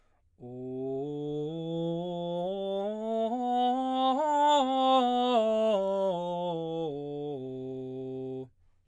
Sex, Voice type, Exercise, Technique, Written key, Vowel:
male, baritone, scales, straight tone, , o